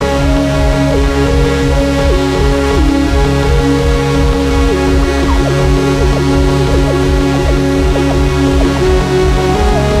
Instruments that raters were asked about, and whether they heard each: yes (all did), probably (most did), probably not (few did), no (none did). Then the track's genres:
synthesizer: yes
banjo: no
ukulele: no
Electronic; Lo-Fi